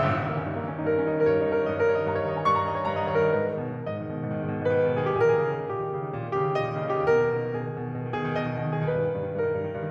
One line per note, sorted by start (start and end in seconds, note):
0.00 0.23 G1
0.09 0.33 D#3
0.23 0.43 D#3
0.23 0.43 A#3
0.33 0.53 C#4
0.43 0.63 G2
0.43 0.63 D#4
0.53 0.71 A#3
0.63 0.79 D#3
0.63 0.79 C#4
0.71 0.89 D#4
0.79 1.02 G2
0.79 1.02 A#4
0.89 1.11 C#4
1.03 1.18 D#3
1.03 1.18 D#4
1.13 1.28 A#4
1.20 1.38 G2
1.20 1.38 C#5
1.29 1.50 D#4
1.39 1.59 D#3
1.39 1.59 A#4
1.50 1.72 C#5
1.59 1.83 G2
1.59 1.83 D#5
1.72 1.93 A#4
1.83 2.07 D#3
1.83 2.07 C#5
1.93 2.18 D#5
2.07 2.28 G2
2.07 2.28 A#5
2.18 2.37 C#5
2.28 2.47 D#3
2.28 2.47 D#5
2.37 2.58 A#5
2.48 2.69 G2
2.48 2.69 C#6
2.59 2.80 A#5
2.72 2.91 D#3
2.72 2.91 D#5
2.81 3.01 C#5
2.91 3.32 G2
2.91 3.12 A#5
3.01 3.22 D#5
3.12 3.32 D#3
3.12 3.32 C#5
3.22 3.32 A#4
3.33 3.63 G#2
3.33 3.88 B4
3.48 3.77 D#3
3.63 3.88 B2
3.77 3.97 D#3
3.88 4.11 G#2
3.88 4.68 D#5
3.97 4.21 D#3
4.11 4.31 B2
4.21 4.42 D#3
4.31 4.50 G#2
4.44 4.60 D#3
4.52 4.68 B2
4.61 4.78 D#3
4.69 4.89 G#2
4.69 5.09 B4
4.78 4.99 D#3
4.89 5.09 B2
4.99 5.19 D#3
4.99 5.09 G#4
5.09 5.34 A#2
5.09 5.19 G4
5.13 5.29 G#4
5.19 5.50 D#3
5.19 5.34 A#4
5.29 5.83 G#4
5.34 5.63 C#3
5.50 5.78 D#3
5.63 5.87 A#2
5.63 6.36 G4
5.78 6.07 D#3
5.91 6.16 C#3
6.08 6.25 D#3
6.18 6.36 A#2
6.26 6.48 D#3
6.37 6.57 C#3
6.37 6.57 G4
6.48 6.69 D#3
6.57 6.82 A#2
6.57 7.06 D#5
6.69 6.92 D#3
6.82 7.06 C#3
6.92 7.23 D#3
6.92 7.23 G4
7.06 7.33 B2
7.06 7.51 A#4
7.23 7.42 D#3
7.33 7.51 B2
7.42 7.59 D#3
7.52 7.76 B2
7.52 8.21 G#4
7.60 7.91 D#3
7.77 8.01 B2
7.93 8.10 D#3
8.01 8.21 B2
8.10 8.32 D#3
8.21 8.42 B2
8.21 8.42 G#4
8.32 8.50 D#3
8.42 8.61 B2
8.42 8.82 D#5
8.50 8.71 D#3
8.61 8.82 B2
8.71 9.00 D#3
8.71 9.00 G#4
8.82 9.09 G2
8.82 9.32 B4
9.01 9.22 D#3
9.10 9.32 G2
9.24 9.42 D#3
9.33 9.53 G2
9.33 9.91 A#4
9.43 9.64 D#3
9.53 9.73 G2
9.64 9.83 D#3
9.73 9.91 G2
9.83 9.91 D#3